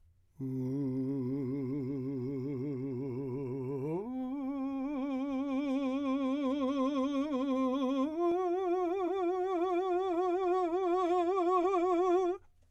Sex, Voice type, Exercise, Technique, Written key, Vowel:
male, , long tones, trill (upper semitone), , u